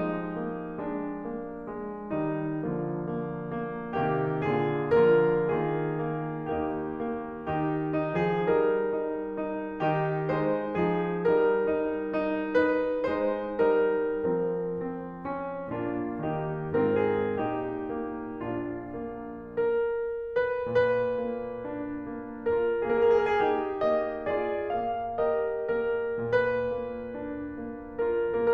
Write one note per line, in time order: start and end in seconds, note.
0.01 2.11 F3
0.01 0.40 G#3
0.01 0.78 D#4
0.40 0.78 A#3
0.80 1.24 G#3
0.80 2.11 D4
1.25 1.67 A#3
1.69 2.11 G#3
2.12 2.64 D#3
2.12 2.64 G3
2.12 2.64 D#4
2.64 3.98 D3
2.64 3.98 F3
2.64 3.15 A#3
2.64 3.98 F4
3.18 3.59 A#3
3.60 3.98 A#3
3.99 4.36 C3
3.99 4.36 D#3
3.99 4.36 A#3
3.99 4.36 G4
4.37 5.10 A#2
4.37 5.10 D3
4.37 5.10 A#3
4.37 5.10 F4
4.37 5.10 G#4
5.10 5.57 D3
5.10 5.57 F3
5.10 5.57 A#3
5.10 5.57 F4
5.10 5.57 A#4
5.58 6.50 D#3
5.58 6.07 A#3
5.58 6.50 F4
5.58 6.50 G#4
6.08 6.50 A#3
6.51 7.49 D#2
6.51 7.08 A#3
6.51 7.49 D#4
6.51 7.49 G4
7.10 7.49 A#3
7.49 8.17 D#3
7.49 7.97 D#4
7.49 8.17 G4
7.98 8.45 D#4
8.20 8.45 F3
8.20 8.45 G#4
8.46 9.84 G3
8.46 8.91 D#4
8.46 9.84 A#4
8.93 9.36 D#4
9.38 9.84 D#4
9.84 10.33 D#3
9.84 10.33 D#4
9.84 10.33 G4
10.34 10.84 G#3
10.34 10.84 D#4
10.34 10.84 C5
10.86 11.31 F3
10.86 11.31 D#4
10.86 11.31 G#4
11.33 13.09 G3
11.33 11.77 D#4
11.33 12.58 A#4
11.78 12.21 D#4
12.21 12.58 D#4
12.59 13.09 D#4
12.59 13.09 B4
13.10 13.60 G#3
13.10 13.60 D#4
13.10 13.60 C5
13.61 14.25 G3
13.61 14.25 D#4
13.61 14.25 A#4
14.26 15.77 F3
14.26 14.70 C4
14.26 14.70 A#4
14.70 15.21 C4
14.70 15.41 G#4
15.24 15.77 C#4
15.78 16.19 A#2
15.78 16.19 A#3
15.78 16.19 D4
15.78 16.19 F4
16.20 16.81 D#3
16.20 16.81 A#3
16.20 16.81 D#4
16.20 16.81 G4
16.82 17.35 G#2
16.82 17.35 C4
16.82 17.35 F4
16.82 17.00 A#4
17.03 17.35 G#4
17.37 19.00 A#2
17.37 17.94 D#4
17.37 18.44 G4
17.97 18.44 A#3
18.45 19.00 D4
18.45 19.00 F4
19.02 19.82 A#3
19.84 20.43 A#4
20.44 20.72 B4
20.72 21.21 A#2
20.72 22.52 B4
21.22 21.68 A#3
21.68 22.11 D4
22.12 22.52 A#3
22.54 22.89 F4
22.54 22.89 A#4
22.89 23.37 A#3
22.89 23.13 G#4
23.05 23.24 A#4
23.14 23.37 G#4
23.24 23.37 A#4
23.38 23.85 D#4
23.38 24.36 G4
23.85 24.36 A#3
23.85 24.36 D#5
24.38 24.75 F4
24.38 25.22 G#4
24.38 24.75 D5
24.77 25.22 A#3
24.77 25.22 F5
25.22 25.73 G4
25.22 25.73 A#4
25.22 25.73 D#5
25.75 26.21 A#3
25.75 26.21 A#4
26.21 26.78 A#2
26.21 28.06 B4
26.79 27.12 A#3
27.13 27.59 D4
27.59 28.06 A#3
28.07 28.53 F4
28.07 28.53 A#4